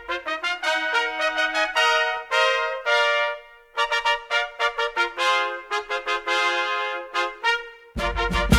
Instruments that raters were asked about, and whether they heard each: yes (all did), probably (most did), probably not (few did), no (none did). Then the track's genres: trumpet: yes
trombone: yes
Classical; Americana